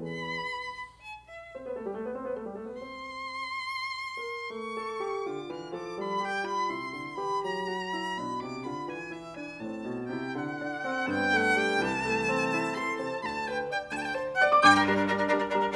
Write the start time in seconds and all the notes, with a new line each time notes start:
0.01 E2 E3 E4 G#4 B4 B5
1.02 G#5
1.22 E5
1.54 C4 C5
1.64 B3 B4
1.76 A3 A4
1.85 G3 G4
1.97 A3 A4
2.07 B3 B4
2.17 C4 C5
2.27 B3 B4
2.37 A3 A4
2.48 G3 G4
2.58 A3 A4
2.70 B3 B4
2.80 C4 C5 C6
4.17 A#4
4.46 A3 C#6
4.79 A4
5.02 G4
5.25 D3 F4 D6
5.53 E3 F6
5.75 F3 A4 D6
5.96 G3 B5
6.21 G4 G5
6.45 F4 B5
6.70 C3 E4 C6
6.93 D3
7.18 E3 G4 B5
7.42 F#3 A#5
7.70 F#4
7.94 E4
8.17 B2 D4 B5
8.39 C3 D6
8.67 D3 F4 B5
8.90 E3 G#5
9.11 E4 E5
9.38 D4 G#5
9.63 A2 C4 A5
9.86 B2
10.08 C3 E4 G5
10.36 D3 F#5
10.63 D4
10.86 C4
11.04 A5
11.08 G2 B3 G5
11.38 A3 F#5
11.63 G3 G5
11.82 C2 E3 A5
12.02 A3
12.35 C4
12.56 E4
12.75 E3 A4 C6
13.01 C3 C5 A5
13.19 B5
13.25 D2 D3 A5
13.48 B4 G5
13.71 D5 G5
13.96 D2 D3 G5
14.02 A5
14.09 G5
14.17 C5 A5
14.39 D5 F#5
14.52 D6
14.63 G2 G5 D6
14.74 D4 A#4
14.84 G3 D4 A#4
14.95 D4 A#4
15.06 G3 D4 A#4
15.17 D4 A#4
15.27 G3 D4 A#4
15.37 D4 A#4
15.47 G3 D4 A#4 A#5
15.57 D4 A#4